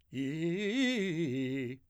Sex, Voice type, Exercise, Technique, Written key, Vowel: male, , arpeggios, fast/articulated forte, C major, i